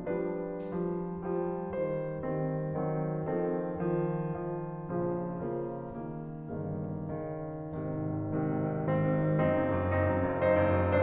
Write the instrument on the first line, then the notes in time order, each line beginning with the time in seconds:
piano
0.00 F3 G3 D4 B4
0.51 F3 G3
1.24 F3 G3
1.78 D#3 G3 C5
2.30 D#3 G3 C4
2.75 D#3 F#3 C4
3.29 D#3 F3 C4 A4
3.87 D#3 F3
4.35 D#3 F3
4.85 A#1 A#2 C#3 F3
5.47 C#3 F3 A#3
5.99 C#3 D#3 A#3
6.49 G1 G2 C#3 D#3 A#3
6.98 C#3 D#3
7.67 G#1 C3 D#3
7.85 G#2
8.03 G#1
8.29 G#2 C3 D#3
8.46 G#1
8.66 G#2
8.81 G#1 D#3 C4
8.94 G#2
9.08 G#1
9.26 F#2 C4 D#4
9.42 F#1
9.61 F#2
9.83 F#1 C4 D#4
10.01 F#2
10.24 F#1
10.47 F#2 D#4 C5
10.63 F#1
10.79 F#2